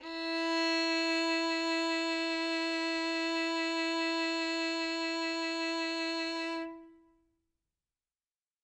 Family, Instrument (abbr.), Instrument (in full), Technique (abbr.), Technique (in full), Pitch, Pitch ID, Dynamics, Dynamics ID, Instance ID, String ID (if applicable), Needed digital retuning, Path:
Strings, Vn, Violin, ord, ordinario, E4, 64, ff, 4, 2, 3, FALSE, Strings/Violin/ordinario/Vn-ord-E4-ff-3c-N.wav